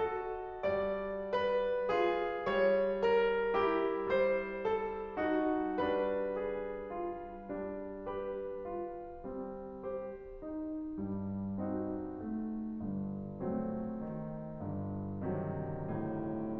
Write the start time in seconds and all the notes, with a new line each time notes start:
0.00 F#4 A4
0.65 G3 D5
1.31 F4 B4
1.96 G#4
2.50 G3 C#5
3.03 E4 A#4
3.52 G4
4.11 G3 C5
4.66 A4
5.20 D#4 F#4
5.86 G3 D4 B4
6.40 G#4
6.88 F4
7.48 G3 D4
8.06 G4 B4
8.67 F4
9.28 G3 C4
9.88 G4 C5
10.43 D#4
10.98 G2 G3
11.62 C4 D#4 F#4
12.20 A3
12.77 G1 G2
13.44 F#3 A3 C4
14.02 D#3
14.58 G1 G2
15.21 C3 D#3 F3
15.77 A2